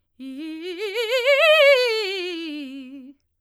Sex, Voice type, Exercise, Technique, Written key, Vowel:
female, soprano, scales, fast/articulated forte, C major, i